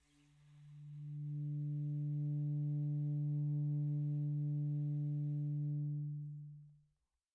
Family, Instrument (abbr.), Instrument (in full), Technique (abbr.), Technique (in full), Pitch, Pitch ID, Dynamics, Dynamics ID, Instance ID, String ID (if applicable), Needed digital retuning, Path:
Winds, ASax, Alto Saxophone, ord, ordinario, D3, 50, pp, 0, 0, , FALSE, Winds/Sax_Alto/ordinario/ASax-ord-D3-pp-N-N.wav